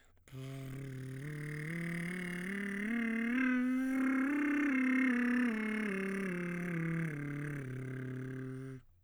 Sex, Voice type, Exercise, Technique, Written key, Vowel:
male, baritone, scales, lip trill, , i